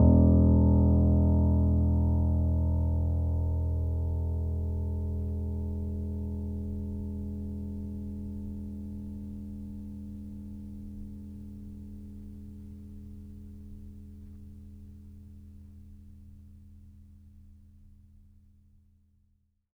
<region> pitch_keycenter=28 lokey=28 hikey=29 volume=0.027002 lovel=0 hivel=65 locc64=0 hicc64=64 ampeg_attack=0.004000 ampeg_release=0.400000 sample=Chordophones/Zithers/Grand Piano, Steinway B/NoSus/Piano_NoSus_Close_E1_vl2_rr1.wav